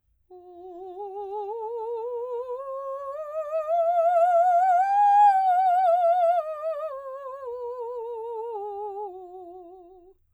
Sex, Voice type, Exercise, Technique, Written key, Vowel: female, soprano, scales, slow/legato piano, F major, o